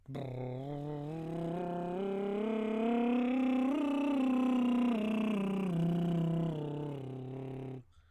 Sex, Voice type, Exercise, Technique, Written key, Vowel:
male, baritone, scales, lip trill, , o